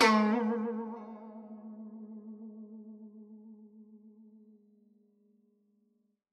<region> pitch_keycenter=56 lokey=56 hikey=57 volume=5.306525 lovel=84 hivel=127 ampeg_attack=0.004000 ampeg_release=0.300000 sample=Chordophones/Zithers/Dan Tranh/Vibrato/G#2_vib_ff_1.wav